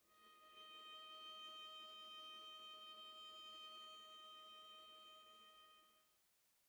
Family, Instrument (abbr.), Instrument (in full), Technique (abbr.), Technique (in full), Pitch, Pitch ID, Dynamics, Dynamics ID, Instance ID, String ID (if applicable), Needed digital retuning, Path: Strings, Va, Viola, ord, ordinario, D#5, 75, pp, 0, 1, 2, FALSE, Strings/Viola/ordinario/Va-ord-D#5-pp-2c-N.wav